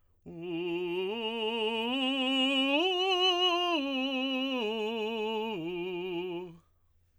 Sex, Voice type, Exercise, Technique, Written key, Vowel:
male, tenor, arpeggios, slow/legato forte, F major, u